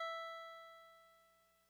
<region> pitch_keycenter=64 lokey=63 hikey=66 tune=-2 volume=25.704122 lovel=0 hivel=65 ampeg_attack=0.004000 ampeg_release=0.100000 sample=Electrophones/TX81Z/Clavisynth/Clavisynth_E3_vl1.wav